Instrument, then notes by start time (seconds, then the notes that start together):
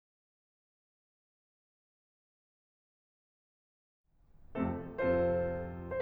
piano
4.21 F2 C3 F3 A3 C4 F4 A4
4.97 F2 C3 F3 C4 F4 A4 C5